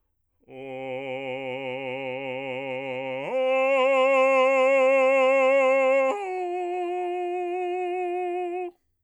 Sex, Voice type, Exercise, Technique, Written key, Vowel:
male, bass, long tones, full voice forte, , o